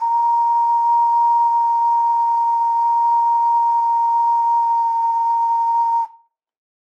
<region> pitch_keycenter=82 lokey=82 hikey=83 tune=-4 volume=-0.818090 trigger=attack ampeg_attack=0.004000 ampeg_release=0.100000 sample=Aerophones/Edge-blown Aerophones/Ocarina, Typical/Sustains/Sus/StdOcarina_Sus_A#4.wav